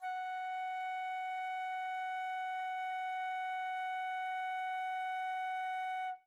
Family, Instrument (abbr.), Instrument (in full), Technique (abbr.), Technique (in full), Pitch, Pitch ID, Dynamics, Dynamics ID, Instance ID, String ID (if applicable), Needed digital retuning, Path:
Winds, Fl, Flute, ord, ordinario, F#5, 78, mf, 2, 0, , FALSE, Winds/Flute/ordinario/Fl-ord-F#5-mf-N-N.wav